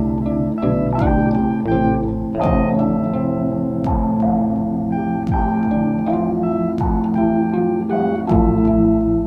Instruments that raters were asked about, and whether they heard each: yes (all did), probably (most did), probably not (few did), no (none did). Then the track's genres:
organ: probably not
Ambient; Minimalism; Instrumental